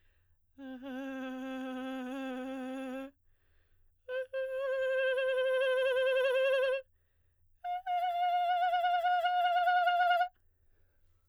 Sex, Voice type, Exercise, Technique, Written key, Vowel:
female, soprano, long tones, trillo (goat tone), , e